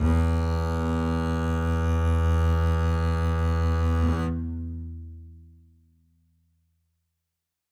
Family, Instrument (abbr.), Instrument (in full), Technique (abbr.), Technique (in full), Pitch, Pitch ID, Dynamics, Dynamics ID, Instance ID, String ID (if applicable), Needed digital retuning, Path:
Strings, Cb, Contrabass, ord, ordinario, E2, 40, ff, 4, 1, 2, FALSE, Strings/Contrabass/ordinario/Cb-ord-E2-ff-2c-N.wav